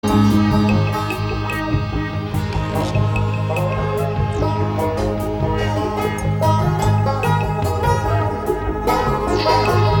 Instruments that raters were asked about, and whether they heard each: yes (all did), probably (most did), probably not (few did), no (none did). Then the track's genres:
banjo: probably
ukulele: probably not
Jazz; Lounge; Instrumental